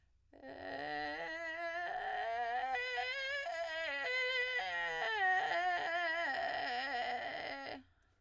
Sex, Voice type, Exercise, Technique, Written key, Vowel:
female, soprano, scales, vocal fry, , e